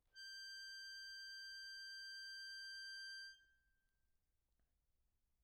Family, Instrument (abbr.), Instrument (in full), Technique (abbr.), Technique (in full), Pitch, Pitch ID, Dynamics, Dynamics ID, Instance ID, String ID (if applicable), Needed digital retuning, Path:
Keyboards, Acc, Accordion, ord, ordinario, G6, 91, mf, 2, 1, , FALSE, Keyboards/Accordion/ordinario/Acc-ord-G6-mf-alt1-N.wav